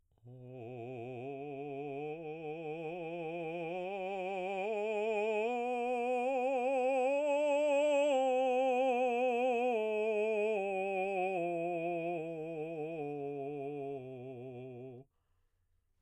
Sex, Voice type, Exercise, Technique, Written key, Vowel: male, baritone, scales, slow/legato piano, C major, o